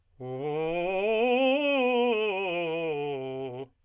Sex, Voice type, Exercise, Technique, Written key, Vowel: male, tenor, scales, fast/articulated forte, C major, u